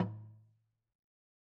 <region> pitch_keycenter=61 lokey=61 hikey=61 volume=14.020533 lovel=66 hivel=99 ampeg_attack=0.004000 ampeg_release=30.000000 sample=Idiophones/Struck Idiophones/Slit Drum/LogDrumLo_MedM_v2_rr1_Sum.wav